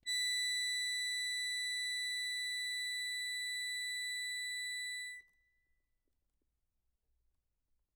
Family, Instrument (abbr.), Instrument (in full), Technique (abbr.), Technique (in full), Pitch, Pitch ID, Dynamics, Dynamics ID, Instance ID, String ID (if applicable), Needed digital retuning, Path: Keyboards, Acc, Accordion, ord, ordinario, B6, 95, mf, 2, 0, , FALSE, Keyboards/Accordion/ordinario/Acc-ord-B6-mf-N-N.wav